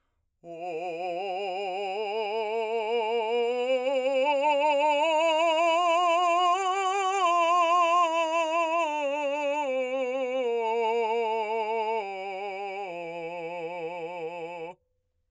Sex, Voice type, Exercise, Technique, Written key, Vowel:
male, , scales, slow/legato forte, F major, o